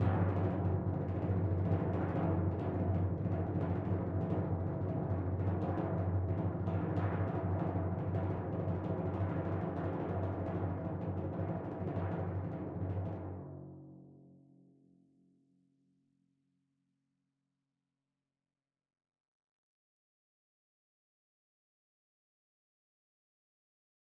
<region> pitch_keycenter=42 lokey=41 hikey=44 tune=-38 volume=19.723007 lovel=84 hivel=127 ampeg_attack=0.004000 ampeg_release=1.000000 sample=Membranophones/Struck Membranophones/Timpani 1/Roll/Timpani1_Roll_v5_rr1_Sum.wav